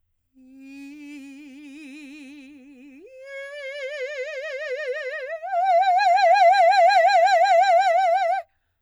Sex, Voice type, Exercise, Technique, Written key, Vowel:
female, soprano, long tones, trill (upper semitone), , i